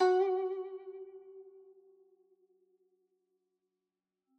<region> pitch_keycenter=66 lokey=65 hikey=67 volume=7.750037 lovel=0 hivel=83 ampeg_attack=0.004000 ampeg_release=0.300000 sample=Chordophones/Zithers/Dan Tranh/Vibrato/F#3_vib_mf_1.wav